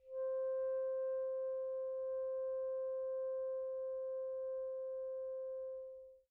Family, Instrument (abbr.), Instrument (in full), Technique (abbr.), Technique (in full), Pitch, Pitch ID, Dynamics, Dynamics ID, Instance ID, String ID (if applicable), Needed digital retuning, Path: Winds, ASax, Alto Saxophone, ord, ordinario, C5, 72, pp, 0, 0, , FALSE, Winds/Sax_Alto/ordinario/ASax-ord-C5-pp-N-N.wav